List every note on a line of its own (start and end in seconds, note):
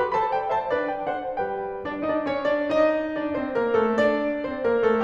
0.00 0.17 G4
0.00 0.17 B4
0.00 0.17 B5
0.17 0.35 A4
0.17 0.35 C5
0.17 0.22 B5
0.22 0.35 A5
0.35 0.55 B4
0.35 0.55 D5
0.35 0.55 G5
0.56 0.75 C5
0.56 0.75 E5
0.56 0.75 A5
0.77 1.17 D4
0.77 1.17 B4
0.77 1.17 D5
0.95 1.17 G5
1.17 1.40 D4
1.17 1.40 A4
1.17 1.40 C5
1.17 1.40 F#5
1.40 1.87 G3
1.40 1.87 G4
1.40 1.87 B4
1.40 1.87 G5
1.87 2.08 D4
1.87 2.08 D5
2.09 2.14 D#4
2.09 2.14 D#5
2.14 2.31 D4
2.14 2.31 D5
2.32 2.58 C#4
2.32 2.58 C#5
2.58 2.76 D4
2.58 2.76 D5
2.76 3.17 D#4
2.76 3.17 D#5
3.18 3.38 D4
3.18 3.38 D5
3.38 3.55 C4
3.38 3.55 C5
3.55 3.75 A#3
3.55 3.75 A#4
3.75 3.97 A3
3.75 3.97 A4
3.98 4.42 D4
3.98 4.42 D5
4.42 4.66 C4
4.42 4.66 C5
4.66 4.88 A#3
4.66 4.88 A#4
4.89 5.04 A3
4.89 5.04 A4